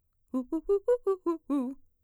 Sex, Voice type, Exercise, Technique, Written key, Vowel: female, mezzo-soprano, arpeggios, fast/articulated piano, C major, u